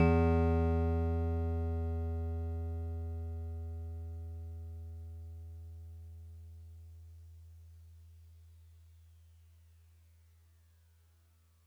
<region> pitch_keycenter=52 lokey=51 hikey=54 tune=-1 volume=11.472224 lovel=66 hivel=99 ampeg_attack=0.004000 ampeg_release=0.100000 sample=Electrophones/TX81Z/FM Piano/FMPiano_E2_vl2.wav